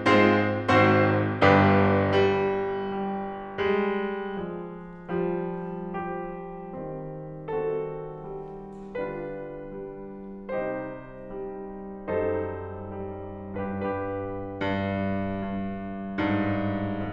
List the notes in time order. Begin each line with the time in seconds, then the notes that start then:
0.00 G#2 G#3 C4 F4 C5
0.72 G#1 G#2 C4 F#4 C5
1.49 G1 G2 D4 G4 B4
2.21 G3
2.93 G3
3.74 G3 G#3
4.49 F3 G#3
5.15 F3 G3
5.87 F3 G3 G4
6.75 D#3 G3 C4
7.45 D#3 G3 C4 F#4 A4
8.23 G3
8.95 D3 G3 D4 F4 B4
9.71 G3
10.48 C3 G3 D#4 G4 C5
11.27 G3
12.11 F#2 G3 D#4 A4 C5
12.88 G3
13.48 G2 D4 G4 B4
13.66 G2 D4 G4 B4
14.57 G2
15.41 G2
16.17 G2 G#2